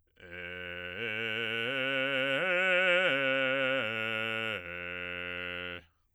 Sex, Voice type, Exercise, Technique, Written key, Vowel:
male, bass, arpeggios, slow/legato forte, F major, e